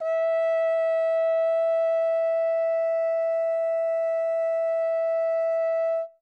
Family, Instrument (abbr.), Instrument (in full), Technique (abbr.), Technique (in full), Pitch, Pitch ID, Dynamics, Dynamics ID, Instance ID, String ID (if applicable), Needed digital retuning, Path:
Brass, Hn, French Horn, ord, ordinario, E5, 76, ff, 4, 0, , FALSE, Brass/Horn/ordinario/Hn-ord-E5-ff-N-N.wav